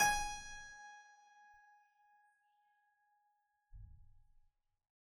<region> pitch_keycenter=68 lokey=68 hikey=69 volume=2.440377 trigger=attack ampeg_attack=0.004000 ampeg_release=0.40000 amp_veltrack=0 sample=Chordophones/Zithers/Harpsichord, Flemish/Sustains/High/Harpsi_High_Far_G#4_rr1.wav